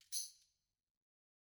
<region> pitch_keycenter=62 lokey=62 hikey=62 volume=21.293713 offset=3300 seq_position=1 seq_length=2 ampeg_attack=0.004000 ampeg_release=30.000000 sample=Idiophones/Struck Idiophones/Tambourine 1/Tamb1_Shake_rr1_Mid.wav